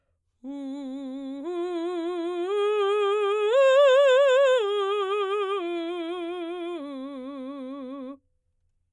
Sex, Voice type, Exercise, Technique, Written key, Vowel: female, soprano, arpeggios, slow/legato forte, C major, u